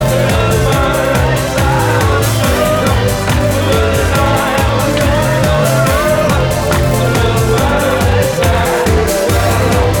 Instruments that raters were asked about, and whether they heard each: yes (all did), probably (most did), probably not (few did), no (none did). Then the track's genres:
organ: no
saxophone: no
voice: yes
Electronic; Experimental Pop; Synth Pop